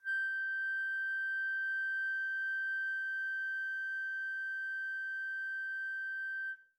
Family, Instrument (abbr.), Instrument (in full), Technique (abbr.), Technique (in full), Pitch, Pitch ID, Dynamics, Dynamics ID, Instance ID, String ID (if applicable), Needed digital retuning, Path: Winds, Fl, Flute, ord, ordinario, G6, 91, pp, 0, 0, , FALSE, Winds/Flute/ordinario/Fl-ord-G6-pp-N-N.wav